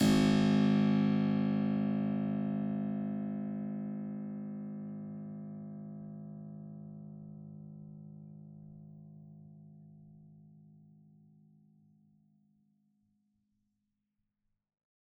<region> pitch_keycenter=32 lokey=32 hikey=33 volume=-1 trigger=attack ampeg_attack=0.004000 ampeg_release=0.400000 amp_veltrack=0 sample=Chordophones/Zithers/Harpsichord, Flemish/Sustains/Low/Harpsi_Low_Far_G#0_rr1.wav